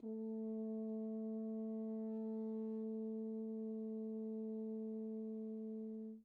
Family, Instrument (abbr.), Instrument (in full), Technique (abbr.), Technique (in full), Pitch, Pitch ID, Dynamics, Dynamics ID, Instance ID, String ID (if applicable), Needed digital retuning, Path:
Brass, Hn, French Horn, ord, ordinario, A3, 57, pp, 0, 0, , FALSE, Brass/Horn/ordinario/Hn-ord-A3-pp-N-N.wav